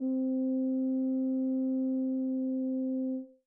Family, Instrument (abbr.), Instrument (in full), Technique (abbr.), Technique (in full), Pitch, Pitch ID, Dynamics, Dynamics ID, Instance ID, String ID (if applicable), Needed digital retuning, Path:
Brass, BTb, Bass Tuba, ord, ordinario, C4, 60, mf, 2, 0, , FALSE, Brass/Bass_Tuba/ordinario/BTb-ord-C4-mf-N-N.wav